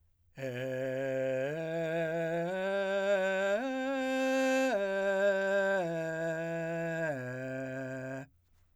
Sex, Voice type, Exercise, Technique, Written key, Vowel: male, , arpeggios, straight tone, , e